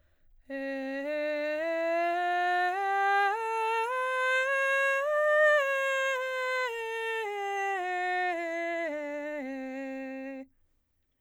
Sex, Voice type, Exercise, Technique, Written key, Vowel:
female, soprano, scales, breathy, , e